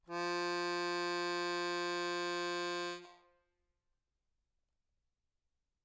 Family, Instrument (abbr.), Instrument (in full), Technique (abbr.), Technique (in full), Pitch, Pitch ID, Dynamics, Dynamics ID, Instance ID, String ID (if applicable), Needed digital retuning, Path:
Keyboards, Acc, Accordion, ord, ordinario, F3, 53, mf, 2, 1, , FALSE, Keyboards/Accordion/ordinario/Acc-ord-F3-mf-alt1-N.wav